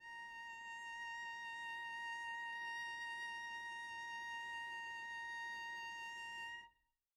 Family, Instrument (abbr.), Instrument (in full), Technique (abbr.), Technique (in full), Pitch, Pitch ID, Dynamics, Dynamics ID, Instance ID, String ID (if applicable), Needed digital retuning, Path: Strings, Vc, Cello, ord, ordinario, A#5, 82, pp, 0, 0, 1, FALSE, Strings/Violoncello/ordinario/Vc-ord-A#5-pp-1c-N.wav